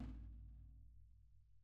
<region> pitch_keycenter=65 lokey=65 hikey=65 volume=30.608351 lovel=0 hivel=54 seq_position=1 seq_length=2 ampeg_attack=0.004000 ampeg_release=30.000000 sample=Membranophones/Struck Membranophones/Snare Drum, Rope Tension/Low/RopeSnare_low_tsn_Main_vl1_rr1.wav